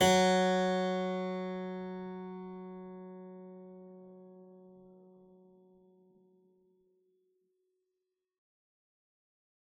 <region> pitch_keycenter=54 lokey=54 hikey=55 volume=-3.782582 trigger=attack ampeg_attack=0.004000 ampeg_release=0.350000 amp_veltrack=0 sample=Chordophones/Zithers/Harpsichord, English/Sustains/Normal/ZuckermannKitHarpsi_Normal_Sus_F#2_rr1.wav